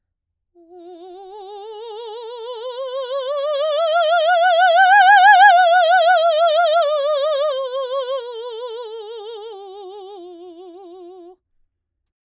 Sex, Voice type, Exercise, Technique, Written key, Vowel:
female, soprano, scales, slow/legato forte, F major, u